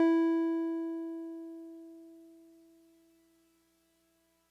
<region> pitch_keycenter=64 lokey=63 hikey=66 volume=11.875164 lovel=66 hivel=99 ampeg_attack=0.004000 ampeg_release=0.100000 sample=Electrophones/TX81Z/Piano 1/Piano 1_E3_vl2.wav